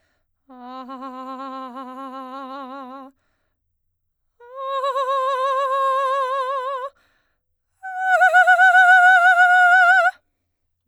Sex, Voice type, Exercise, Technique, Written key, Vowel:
female, soprano, long tones, trillo (goat tone), , a